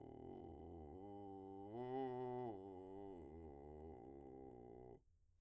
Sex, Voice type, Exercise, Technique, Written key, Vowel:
male, , arpeggios, vocal fry, , u